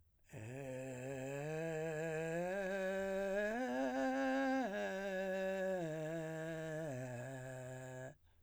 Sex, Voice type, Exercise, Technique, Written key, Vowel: male, , arpeggios, vocal fry, , e